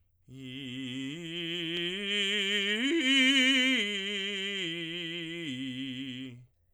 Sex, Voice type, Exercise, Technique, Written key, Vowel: male, tenor, arpeggios, slow/legato forte, C major, i